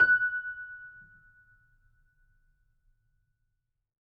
<region> pitch_keycenter=90 lokey=90 hikey=91 volume=-1.515971 lovel=66 hivel=99 locc64=0 hicc64=64 ampeg_attack=0.004000 ampeg_release=0.400000 sample=Chordophones/Zithers/Grand Piano, Steinway B/NoSus/Piano_NoSus_Close_F#6_vl3_rr1.wav